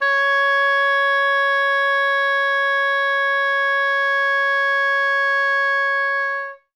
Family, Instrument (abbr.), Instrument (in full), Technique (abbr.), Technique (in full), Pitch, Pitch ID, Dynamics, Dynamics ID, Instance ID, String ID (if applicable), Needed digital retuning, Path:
Winds, Ob, Oboe, ord, ordinario, C#5, 73, ff, 4, 0, , FALSE, Winds/Oboe/ordinario/Ob-ord-C#5-ff-N-N.wav